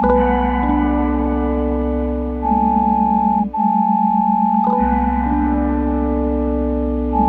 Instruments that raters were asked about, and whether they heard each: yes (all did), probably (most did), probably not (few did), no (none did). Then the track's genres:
clarinet: no
flute: probably
Pop; Psych-Folk; Experimental Pop